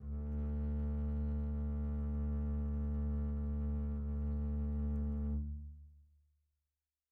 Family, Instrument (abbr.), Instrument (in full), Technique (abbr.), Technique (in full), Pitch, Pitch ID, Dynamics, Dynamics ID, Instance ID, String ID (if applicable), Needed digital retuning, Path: Strings, Cb, Contrabass, ord, ordinario, D2, 38, pp, 0, 3, 4, FALSE, Strings/Contrabass/ordinario/Cb-ord-D2-pp-4c-N.wav